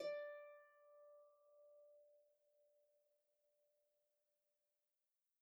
<region> pitch_keycenter=74 lokey=74 hikey=75 tune=-3 volume=28.229904 xfout_lovel=70 xfout_hivel=100 ampeg_attack=0.004000 ampeg_release=30.000000 sample=Chordophones/Composite Chordophones/Folk Harp/Harp_Normal_D4_v2_RR1.wav